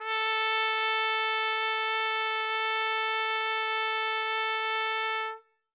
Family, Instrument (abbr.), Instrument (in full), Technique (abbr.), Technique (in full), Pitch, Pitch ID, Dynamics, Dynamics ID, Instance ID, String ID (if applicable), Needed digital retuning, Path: Brass, TpC, Trumpet in C, ord, ordinario, A4, 69, ff, 4, 0, , TRUE, Brass/Trumpet_C/ordinario/TpC-ord-A4-ff-N-T22u.wav